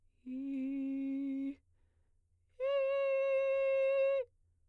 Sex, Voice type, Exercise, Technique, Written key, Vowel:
female, soprano, long tones, inhaled singing, , i